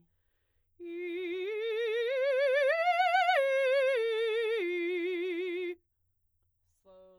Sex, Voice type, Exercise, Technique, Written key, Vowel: female, soprano, arpeggios, slow/legato forte, F major, i